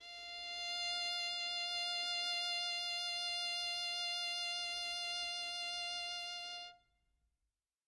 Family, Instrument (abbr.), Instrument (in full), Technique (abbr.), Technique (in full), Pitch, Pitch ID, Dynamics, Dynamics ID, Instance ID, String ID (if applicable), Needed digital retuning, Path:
Strings, Vn, Violin, ord, ordinario, F5, 77, mf, 2, 0, 1, FALSE, Strings/Violin/ordinario/Vn-ord-F5-mf-1c-N.wav